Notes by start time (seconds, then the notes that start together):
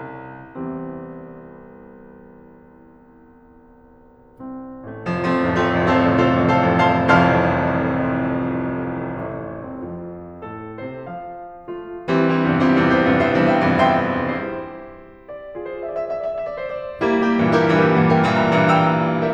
0.00 C2 E2 E3 G3 C4
1.68 C2 C4
2.18 A1 A3
2.29 F1 F3
2.45 F3 A3 C4 F4
2.62 F1 A1 C2 F2
2.79 A3 C4 F4 A4
2.94 F1 A1 C2 F2
3.11 C4 F4 A4 C5
3.27 F1 A1 C2 F2
3.45 F4 A4 C5 F5
3.61 F1 A1 C2 F2
3.77 A4 C5 F5 A5
3.95 F1 A1 C2 F2
4.12 C5 F5 A5 C6
4.27 F1 A1 C2 F2 F5 A5 C6 F6
5.87 A1 A3
6.25 C2 C4
6.33 F2 F4
6.83 A2 A4
7.20 C3 C5
7.28 F3 F5
7.78 F2 F4
8.28 E3 G3 C4
8.44 G3 C4 E4
8.60 E2 G2 C3
8.75 C4 E4 G4
8.84 E2 G2 C3
9.00 E4 G4 C5
9.15 E2 G2 C3
9.31 G4 C5 E5
9.44 E2 G2 C3
9.58 C5 E5 G5
9.73 E2 G2 C3
9.90 E5 G5 C6
10.05 E4 G4 C5
10.90 D5
11.06 F4 G#4 E5
11.11 D5 E5
11.19 D5
11.24 D5 E5
11.33 D5 E5
11.41 D5 E5
11.47 E5
11.52 D5 E5
11.60 D5
11.64 D5 E5
11.71 D5 E5
11.80 C5
11.88 E5
11.96 D5
12.04 E3 G3 C4
12.21 G3 C4 E4
12.38 E2 G2 C3
12.55 C4 E4 G4
12.71 E2 G2 C3
12.86 E4 G4 C5
13.03 E2 G2 C3
13.21 G4 C5 E5
13.39 E2 G2 C3
13.62 C5 E5 G5
13.79 E2 G2 C3
13.99 E5 G5 C6
14.30 E4 G4 C5
15.35 D5
15.71 F4 G#4 D5 E5
15.79 E5
15.84 D5
15.88 E5
15.93 D5 E5
16.01 D5
16.06 D5 E5
16.14 D5 E5
16.21 D5 E5
16.27 E5
16.31 D5 E5
16.40 D5 E5
16.51 D5
16.61 C5
16.80 D5
16.95 G3 A#3 E4
17.17 A#3 E4 G4
17.38 G2 A#2 E3
17.57 E4 G4 A#4
17.81 G2 A#2 E3
18.00 G4 A#4 E5
18.16 G2 A#2 E3
18.33 A#4 E5 G5
18.52 G2 A#2 E3
18.72 E5 G5 A#5
18.89 G2 A#2 E3
19.13 G5 A#5 E6